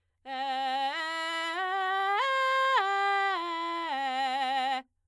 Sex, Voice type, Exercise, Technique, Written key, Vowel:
female, soprano, arpeggios, belt, , e